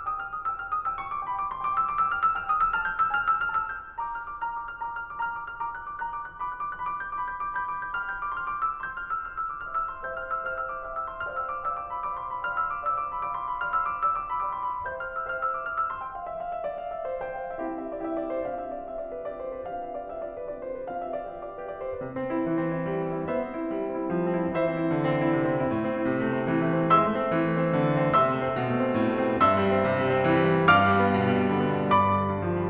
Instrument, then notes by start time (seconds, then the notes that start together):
piano
0.01 G5 D#6
0.12 F6
0.26 D#6
0.39 G5 E6
0.54 F6
0.67 D#6
0.82 G5 E6
0.96 C#6
1.10 D6
1.22 G5 B5
1.35 D6
1.53 C6
1.64 G5 D6
1.76 E6
1.88 D6
2.00 G5 E6
2.13 F6
2.22 E6
2.34 G5 F6
2.46 D#6
2.61 E6
2.75 A5 F6
2.86 G6
2.98 E6
3.12 G#5 F6
3.26 E6
3.41 F6
3.54 A5 E6
3.69 G6
3.84 F6
3.99 A#5 D6
4.14 F6
4.26 D6
4.39 A#5 F6
4.51 D6
4.70 F6
4.84 A#5 D6
4.95 F6
5.09 D6
5.24 B5 F6
5.37 D6
5.47 F6
5.59 B5 D6
5.72 F#6
5.85 D6
6.02 B5 F#6
6.14 D6
6.25 F#6
6.36 B5 D6
6.48 F#6
6.64 D6
6.74 B5 G6
6.88 D6
7.03 G6
7.18 B5 D6
7.31 G6
7.44 D6
7.60 B5 G6
7.70 D6
7.82 G6
7.95 G5 B5 F6
8.05 G6
8.19 D6
8.31 C6 F6
8.42 D6
8.57 E6
8.75 C6 G6
8.91 F6
9.08 E6
9.53 C5 E5 G5 F6
9.64 E6
9.75 D6
9.84 C5 E5 G5 F6
9.96 E6
10.05 C6
10.16 C5 E5 G5 G6
10.28 F6
10.41 E6
10.52 C5 E5 G5 F6
10.62 E6
10.71 D6
10.81 C5 E5 G5 F6
10.95 E6
11.07 C6
11.23 C5 D5 F5 G5 F6
11.37 E6
11.49 D6
11.60 C5 D5 F5 G5 E6
11.71 D6
11.86 B5
11.95 C5 D5 F5 G5 D6
12.07 C6
12.22 B5
12.38 C5 D5 F5 G5 F6
12.49 E6
12.68 D6
12.81 C5 D5 F5 G5 E6
12.93 D6
13.15 B5
13.26 C5 D5 F5 G5 D6
13.38 C6
13.48 B5
13.60 C5 D5 F5 G5 F6
13.72 E6
13.82 D6
14.02 C5 D5 F5 G5 E6
14.17 D6
14.29 B5
14.43 C5 D5 F5 G5 D6
14.53 C6
14.69 B5
14.84 C5 E5 G5 G6
14.97 F6
15.06 E6
15.19 C5 E5 G5 F6
15.32 E6
15.44 D6
15.52 C5 E5 G5 F6
15.67 E6
15.84 C6
16.02 G5
16.16 F5
16.28 E5
16.39 F5
16.52 E5
16.63 D5
16.76 F5
16.92 E5
17.07 C5
17.26 C5 G5
17.39 F5
17.48 E5
17.58 C4 E4 G4 F5
17.77 E5
17.89 D5
18.00 C4 E4 G4 F5
18.16 E5
18.30 C5
18.47 C4 D4 F4 G4 F5
18.59 E5
18.73 D5
18.88 C4 D4 F4 G4 E5
19.00 D5
19.10 B4
19.23 C4 D4 F4 G4 D5
19.36 C5
19.48 B4
19.67 C4 D4 F4 G4 F5
19.84 E5
19.99 D5
20.13 C4 D4 F4 G4 E5
20.27 D5
20.39 B4
20.52 C4 D4 F4 G4 D5
20.65 C5
20.78 B4
20.90 C4 D4 F4 G4 F5
21.01 E5
21.15 D5
21.26 C4 D4 F4 G4 E5
21.38 D5
21.51 B4
21.62 C4 D4 F4 G4 D5
21.76 C5
21.89 B4
22.00 C3
22.11 C4
22.27 E4
22.44 E3
22.56 C4
22.68 E4
22.87 G3
23.03 C4
23.16 E4
23.27 B3 C5 E5
23.41 C4
23.56 E4
23.70 G3
23.85 C4
23.95 E4
24.06 F3
24.21 C4
24.40 E4
24.56 E3 C5 E5
24.71 C4
24.84 E4
24.94 D3
25.05 C4
25.19 E4
25.32 C3
25.45 C4
25.58 E4
25.72 A2
25.85 C4
25.95 E4
26.07 C3
26.30 A3
26.42 C4
26.56 E3
26.69 A3
26.84 C4
26.98 G#3 E5 C6 E6
27.09 A3
27.24 C4
27.34 E3
27.52 A3
27.63 C4
27.78 D3
27.94 A3
28.04 C4
28.15 C3 E5 C6 E6
28.28 A3
28.43 C4
28.54 B2
28.74 A3
28.86 C4
28.96 A2
29.09 A3
29.19 C4
29.40 G2 E5 C6 E6
29.58 G3
29.75 C4
29.94 C3
30.05 G3
30.17 C4
30.26 E3
30.38 G3
30.49 C4
30.62 G2 F5 D6 F6
30.74 G3
30.91 B3
31.10 B2
31.20 G3
31.33 B3
31.53 D3
31.63 G3
31.75 B3
31.86 G2 D5 B5 D6
31.97 D3
32.10 G3
32.26 G2
32.41 F3
32.54 G3